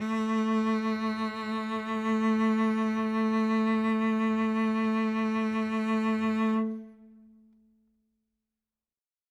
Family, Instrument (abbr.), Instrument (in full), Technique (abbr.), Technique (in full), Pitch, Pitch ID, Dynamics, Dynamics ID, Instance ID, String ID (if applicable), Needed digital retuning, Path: Strings, Vc, Cello, ord, ordinario, A3, 57, ff, 4, 2, 3, TRUE, Strings/Violoncello/ordinario/Vc-ord-A3-ff-3c-T21d.wav